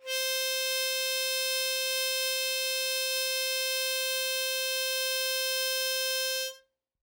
<region> pitch_keycenter=72 lokey=71 hikey=74 volume=10.920034 trigger=attack ampeg_attack=0.004000 ampeg_release=0.100000 sample=Aerophones/Free Aerophones/Harmonica-Hohner-Special20-F/Sustains/Normal/Hohner-Special20-F_Normal_C4.wav